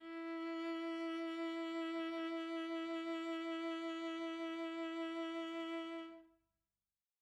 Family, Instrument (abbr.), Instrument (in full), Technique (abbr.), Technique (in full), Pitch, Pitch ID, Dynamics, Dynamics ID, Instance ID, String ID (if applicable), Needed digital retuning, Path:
Strings, Va, Viola, ord, ordinario, E4, 64, mf, 2, 1, 2, FALSE, Strings/Viola/ordinario/Va-ord-E4-mf-2c-N.wav